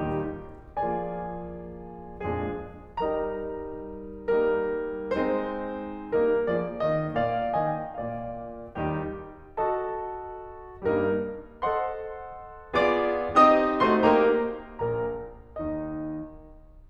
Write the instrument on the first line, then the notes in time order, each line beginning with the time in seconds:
piano
0.01 D#2 A#2 D#3 G3 D#4 G4
0.76 F3 A#3 F4 G#4 D5 G#5
2.27 F2 A#2 F3 G#3 D4 G#4
2.99 G3 D#4 G4 A#4 D#5 A#5
4.37 G3 A#3 D#4 A#4
5.06 G#3 C4 D#4 C5
6.14 G3 A#3 D#4 A#4
6.48 F3 A#3 G#4 D5
6.79 D#3 A#3 G4 D#5
7.16 A#2 A#3 D5 F5
7.60 D#3 A#3 D#5 G#5
7.76 G5
7.98 A#2 A#3 D5 F5
8.76 D#2 D#3 G3 D#4 G4
9.53 F#4 A4 D#5 A5
10.92 G2 G3 A#3 D#4 A#4
11.62 A4 C5 D#5 F#5 C6
12.75 A#3 F4 G#4 D5 D6
13.36 C4 D#4 G4 D#5 D#6
13.87 A3 D#4 F#4 C5 C6
14.05 A#3 D#4 G4 A#4 A#5
14.82 A#1 A#2 A#4 A#5
15.60 D#2 D#3 D#4 D#5